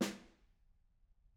<region> pitch_keycenter=61 lokey=61 hikey=61 volume=18.522293 offset=190 lovel=48 hivel=72 seq_position=1 seq_length=2 ampeg_attack=0.004000 ampeg_release=15.000000 sample=Membranophones/Struck Membranophones/Snare Drum, Modern 1/Snare2_HitSN_v5_rr1_Mid.wav